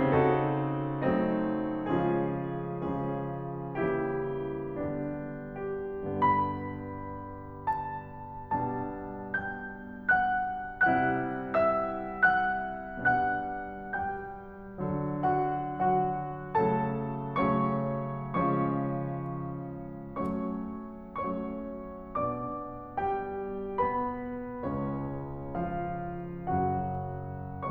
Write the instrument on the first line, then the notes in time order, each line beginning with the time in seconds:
piano
0.01 C#3 C4 D#4 F#4 A4
1.03 F#3 A3 C4 D#4
1.82 C#3 F3 G#3 C#4 F4 G#4
2.77 C#3 F3 G#3 C#4 F4 G#4
3.81 C#3 E3 G3 A#3 E4 G4
4.72 D3 G3 B3 D4
5.72 G2 D3 B3 G4
6.26 B5
7.68 A5
8.53 B2 G3 D4 A5
9.39 G5 G6
10.21 F#5 F#6
10.95 C3 G3 E4 F#5 F#6
11.56 E5 E6
12.34 F#5 F#6
13.15 B2 G3 D4 F#5 F#6
13.96 G3 G5 G6
14.84 D3 F#3
15.27 F#4 F#5
15.78 D3 F#3 F#4 F#5
16.60 C#3 F#3 A3 A4 A5
17.36 C#3 F#3 A3 C#4 C#5 C#6
18.31 C#3 F3 G#3 C#4 C#5 C#6
20.20 F#3 A3 C#4 C#5 C#6
21.18 F#3 A3 C#4 C#5 C#6
22.12 B2 D4 D5 D6
23.03 G3 G4 G5
23.81 B3 B4 B5
24.62 C#2 C#3 C#4 C#5
25.68 F3 F4 F5
26.52 F#2 C#3 F#3 F#4 F#5